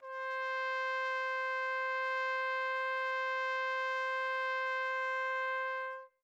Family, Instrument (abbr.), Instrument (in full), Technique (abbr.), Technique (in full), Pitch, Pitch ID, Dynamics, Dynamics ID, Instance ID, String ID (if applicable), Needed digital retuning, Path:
Brass, TpC, Trumpet in C, ord, ordinario, C5, 72, mf, 2, 0, , FALSE, Brass/Trumpet_C/ordinario/TpC-ord-C5-mf-N-N.wav